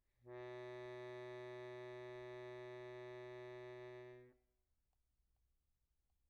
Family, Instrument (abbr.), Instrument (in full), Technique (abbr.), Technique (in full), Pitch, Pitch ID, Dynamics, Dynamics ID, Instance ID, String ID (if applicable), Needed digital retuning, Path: Keyboards, Acc, Accordion, ord, ordinario, B2, 47, pp, 0, 0, , FALSE, Keyboards/Accordion/ordinario/Acc-ord-B2-pp-N-N.wav